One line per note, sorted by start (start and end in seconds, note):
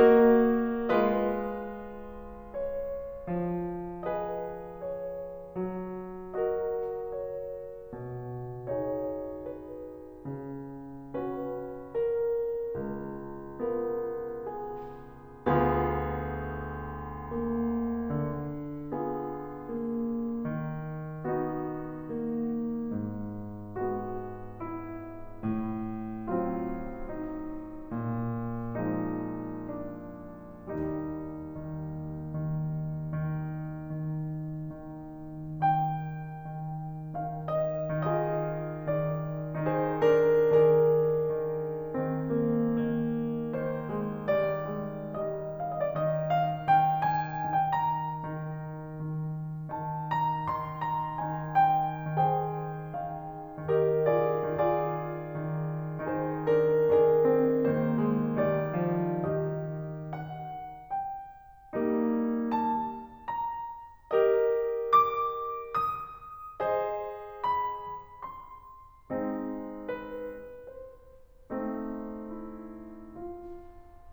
0.00 0.94 A#3
0.00 0.94 F#4
0.00 0.94 A#4
0.00 0.94 D#5
0.96 3.27 G#3
0.96 3.27 F4
0.96 3.27 B4
0.96 2.53 D#5
2.54 3.27 C#5
3.29 5.60 F3
4.11 5.60 G#4
4.11 5.60 B4
4.11 4.78 D#5
4.82 5.60 C#5
5.62 7.92 F#3
6.33 7.92 F#4
6.33 7.92 A#4
6.33 7.00 D#5
7.01 7.92 C#5
7.93 10.19 B2
8.75 10.19 D#4
8.75 10.19 G#4
8.75 9.46 C#5
9.47 10.19 B4
10.19 12.75 C#3
11.15 12.75 C#4
11.15 12.75 F#4
11.15 11.96 B4
11.98 12.75 A#4
12.76 15.49 C#2
13.61 15.49 B3
13.61 15.49 F4
13.61 14.42 A#4
14.43 15.49 G#4
15.50 18.11 D2
15.50 17.35 B3
15.50 18.11 F4
15.50 18.11 G#4
17.36 18.11 A#3
18.12 20.43 D3
18.91 19.68 B3
18.91 20.43 F4
18.91 20.43 G#4
19.69 20.43 A#3
20.45 22.85 D#3
21.27 22.16 B3
21.27 22.85 D#4
21.27 22.85 F#4
22.18 22.85 A#3
22.87 25.15 G#2
23.85 25.15 G#3
23.85 25.15 B3
23.85 24.56 F#4
24.56 25.15 E4
25.16 27.88 A2
26.30 27.88 F#3
26.30 27.88 C4
26.30 27.03 E4
27.04 27.88 D#4
27.90 30.64 A#2
28.86 30.64 F3
28.86 30.64 G#3
28.86 29.55 D#4
29.59 30.64 D4
30.65 38.03 D#2
30.65 32.11 G3
30.65 32.11 D#4
31.45 32.11 D#3
32.28 33.03 D#3
33.03 33.73 D#3
33.74 34.70 D#3
34.71 35.62 D#3
35.64 36.66 D#3
35.64 37.19 G5
36.68 37.19 D#3
37.20 38.03 D#3
37.20 37.86 F5
37.51 38.03 D#5
38.05 38.80 D#3
38.05 39.64 F4
38.05 39.64 G#4
38.05 38.80 D#5
38.81 39.64 D#3
38.81 39.64 D5
39.65 40.21 D#3
39.65 39.90 D#4
39.65 40.21 G#4
39.65 39.90 C5
39.92 40.21 D4
39.92 40.21 A#4
40.22 40.79 D#3
40.22 41.92 D4
40.22 45.00 G#4
40.22 43.53 A#4
40.80 41.92 D#3
41.94 42.67 D#3
41.94 42.33 C4
42.34 42.67 A#3
42.67 43.53 D#3
42.67 43.86 A#3
43.54 44.27 D#3
43.54 44.27 C5
43.87 44.27 G#3
44.28 45.00 D#3
44.28 44.65 G3
44.28 45.00 D5
44.66 45.00 G#3
45.02 46.06 D#3
45.02 46.66 G3
45.02 45.65 D#5
45.80 46.06 D#5
45.96 46.18 D5
46.10 46.66 D#3
46.10 46.42 D#5
46.43 46.66 F5
46.67 47.53 D#3
46.67 47.04 G5
47.06 47.53 G#5
47.55 48.36 D#3
47.55 47.71 G5
47.71 49.73 A#5
48.36 48.90 D#3
48.90 49.73 D#3
49.74 50.50 D#3
49.74 50.11 A5
50.12 50.50 A#5
50.52 51.22 D#3
50.52 50.81 C6
50.82 51.22 A#5
51.23 52.18 D#3
51.23 51.63 G#5
51.64 52.18 G5
52.19 52.92 D#3
52.19 53.70 G#4
52.19 53.70 C5
52.19 52.92 G5
52.93 53.70 D#3
52.93 53.70 F5
53.71 54.43 D#3
53.71 54.09 G4
53.71 54.09 A#4
53.71 54.09 D#5
54.10 54.43 F4
54.10 54.43 G#4
54.10 54.43 D5
54.45 55.14 D#3
54.45 56.02 F4
54.45 56.02 G#4
54.45 56.02 D5
55.15 56.02 D#3
56.03 56.89 D#3
56.03 56.40 D#4
56.03 56.89 G#4
56.03 56.40 C5
56.41 56.89 D4
56.41 56.89 A#4
56.90 57.52 D#3
56.90 57.21 D4
56.90 59.16 G#4
56.90 57.52 A#4
57.23 57.52 C4
57.53 58.39 D#3
57.53 57.88 A#3
57.53 58.39 C5
57.89 58.39 G#3
58.40 59.16 D#3
58.40 58.77 G3
58.40 59.16 D5
58.82 59.16 F3
59.18 60.89 D#3
59.18 60.16 G4
59.18 60.16 D#5
60.21 60.89 F#5
60.91 61.73 G5
61.74 63.20 G3
61.74 63.20 A#3
61.74 63.20 D#4
62.62 63.20 A5
63.20 64.11 A#5
64.11 65.54 G4
64.11 65.54 A#4
64.11 65.54 D#5
64.81 65.54 D6
65.55 66.61 D#6
66.63 68.22 G#4
66.63 68.22 C5
66.63 68.22 D#5
67.71 68.22 B5
68.23 69.10 C6
69.11 70.46 G#3
69.11 70.46 C4
69.11 70.46 D#4
69.89 70.46 B4
70.47 71.52 C5
71.55 73.17 A3
71.55 73.17 C4
71.55 73.17 D#4
72.21 73.17 E4
73.18 74.12 F4